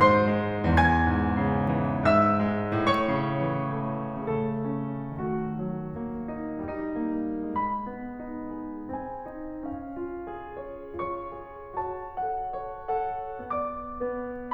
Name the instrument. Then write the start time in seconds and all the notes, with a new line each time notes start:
piano
0.01 G#2 C5 C6
0.35 G#3
0.70 E2 G#5 G#6
1.04 G#2
1.40 C#3
1.74 E3
2.12 G#2 E5 E6
2.47 G#3
2.80 A2 C#5 C#6
3.13 C#3
3.49 E3
4.02 A3
4.39 C#3 A3 A4
4.78 C#4
5.16 D#3 A3 F#4
5.51 F#3
6.00 A#3
6.36 D#4
6.76 G3 D#4
7.12 A#3
7.52 G#3 B5
7.87 B3
8.28 D#4
8.57 G#4
8.93 C4 G#5
9.31 D#4
9.65 C#4 F5
9.96 F4
10.29 G#4
10.59 C#5
10.95 F4 C#5 C#6
11.33 G#4
11.77 F#4 C#5 A5
12.12 A4 F#5
12.49 C#5
12.90 A4 F#5
13.42 B3 D5 D6
13.94 B3 B4